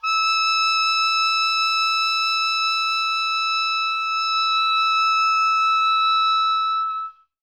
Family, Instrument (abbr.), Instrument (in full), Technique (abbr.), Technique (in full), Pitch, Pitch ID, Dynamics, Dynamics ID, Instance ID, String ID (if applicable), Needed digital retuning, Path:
Winds, Ob, Oboe, ord, ordinario, E6, 88, ff, 4, 0, , FALSE, Winds/Oboe/ordinario/Ob-ord-E6-ff-N-N.wav